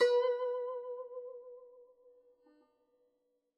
<region> pitch_keycenter=71 lokey=70 hikey=72 volume=8.402727 lovel=0 hivel=83 ampeg_attack=0.004000 ampeg_release=0.300000 sample=Chordophones/Zithers/Dan Tranh/Vibrato/B3_vib_mf_1.wav